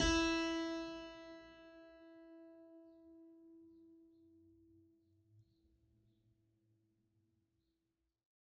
<region> pitch_keycenter=64 lokey=64 hikey=65 volume=-0.406981 trigger=attack ampeg_attack=0.004000 ampeg_release=0.400000 amp_veltrack=0 sample=Chordophones/Zithers/Harpsichord, French/Sustains/Harpsi2_Normal_E3_rr1_Main.wav